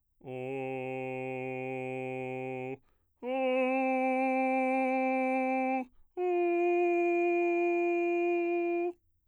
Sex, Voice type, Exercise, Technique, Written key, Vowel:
male, bass, long tones, straight tone, , o